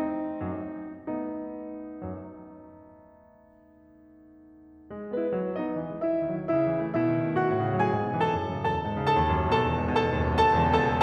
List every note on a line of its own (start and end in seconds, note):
0.01 1.07 A3
0.01 1.07 C4
0.01 1.07 D#4
0.52 1.07 F#2
0.52 1.07 F#3
1.07 4.97 A3
1.07 4.97 B3
1.07 4.97 D#4
1.60 2.15 F#2
1.60 2.15 F#3
5.00 5.13 G#3
5.13 5.24 B3
5.18 5.54 B4
5.25 5.38 E4
5.38 5.47 F#3
5.49 5.60 A3
5.56 5.96 D#4
5.56 5.96 D#5
5.60 5.72 B3
5.73 5.89 E3
5.89 6.03 G#3
5.96 6.39 E4
5.96 6.39 E5
6.04 6.16 B3
6.16 6.32 D#3
6.33 6.44 F#3
6.39 6.81 E4
6.39 6.81 E5
6.44 6.55 B3
6.57 6.73 C#3
6.73 6.86 E3
6.81 7.18 E4
6.81 7.18 E5
6.87 6.98 A3
6.98 7.10 B2
7.11 7.26 D#3
7.18 7.62 E4
7.18 7.62 E5
7.26 7.42 G#3
7.44 7.56 A2
7.56 7.70 C#3
7.63 8.04 F#4
7.63 8.04 F#5
7.71 7.84 F#3
7.84 7.97 G#2
7.97 8.11 B2
8.04 8.43 G#4
8.04 8.43 G#5
8.11 8.24 E3
8.24 8.38 F#2
8.38 8.50 A2
8.45 8.90 A4
8.45 8.90 A5
8.50 8.68 D#3
8.68 8.83 E2
8.83 8.99 G#2
8.90 9.46 A4
8.90 9.46 A5
8.99 9.21 C#3
9.21 9.38 D#2
9.39 9.53 F#2
9.47 9.90 A4
9.47 9.90 A5
9.53 9.68 B2
9.69 9.82 E2
9.82 9.96 G#2
9.90 10.32 A4
9.90 10.32 A5
9.98 10.11 C#3
10.11 10.23 D#2
10.25 10.39 F#2
10.32 10.77 A4
10.32 10.77 A5
10.39 10.51 B2
10.52 10.68 C#2
10.68 10.88 E2
10.77 11.04 A4
10.77 11.04 A5
10.90 11.04 B2